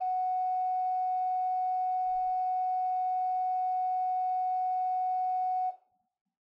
<region> pitch_keycenter=78 lokey=78 hikey=79 tune=1 ampeg_attack=0.004000 ampeg_release=0.300000 amp_veltrack=0 sample=Aerophones/Edge-blown Aerophones/Renaissance Organ/8'/RenOrgan_8foot_Room_F#4_rr1.wav